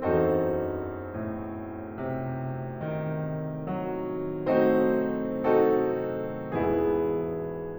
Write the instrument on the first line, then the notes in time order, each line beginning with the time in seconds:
piano
0.00 E2 F#2 C4 D#4 F#4 A4 C5
1.11 A2
1.89 C3
2.80 D#3
3.77 F#3
4.48 A3 C4 D#4 F#4 C5
5.55 C4 D#4 F#4 A4
6.62 E2 G#2 B2 E3 B3 E4 G#4